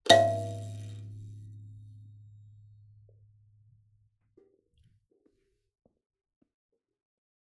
<region> pitch_keycenter=44 lokey=44 hikey=45 volume=-0.775472 offset=2810 ampeg_attack=0.004000 ampeg_release=15.000000 sample=Idiophones/Plucked Idiophones/Kalimba, Tanzania/MBira3_pluck_Main_G#1_k11_50_100_rr2.wav